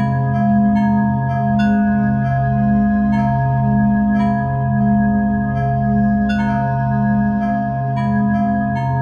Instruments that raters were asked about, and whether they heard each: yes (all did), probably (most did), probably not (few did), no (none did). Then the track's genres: organ: probably not
Drone; Ambient; Instrumental